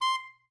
<region> pitch_keycenter=84 lokey=83 hikey=85 tune=1 volume=13.584064 offset=185 lovel=84 hivel=127 ampeg_attack=0.004000 ampeg_release=1.500000 sample=Aerophones/Reed Aerophones/Tenor Saxophone/Staccato/Tenor_Staccato_Main_C5_vl2_rr1.wav